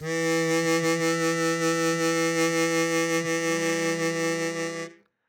<region> pitch_keycenter=52 lokey=51 hikey=53 volume=2.601531 trigger=attack ampeg_attack=0.004000 ampeg_release=0.100000 sample=Aerophones/Free Aerophones/Harmonica-Hohner-Super64/Sustains/Vib/Hohner-Super64_Vib_E2.wav